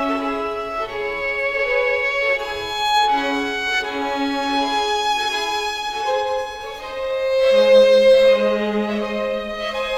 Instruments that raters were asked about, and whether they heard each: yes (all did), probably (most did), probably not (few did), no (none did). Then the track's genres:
drums: no
violin: yes
ukulele: no
Classical